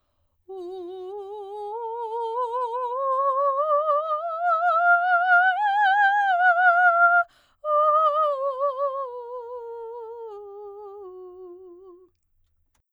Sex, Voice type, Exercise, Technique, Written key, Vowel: female, soprano, scales, slow/legato piano, F major, u